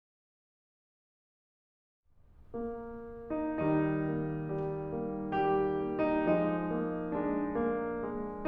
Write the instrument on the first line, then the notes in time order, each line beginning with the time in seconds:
piano
2.04 A#3
3.32 D#4
3.62 D#3 G3 D#4
4.07 A#3
4.47 G3
4.90 A#3
5.32 G3 G4
5.79 A#3
5.98 D#4
6.20 F3 G#3 D#4
6.70 A#3
7.14 G#3 D4
7.60 A#3
8.02 G#3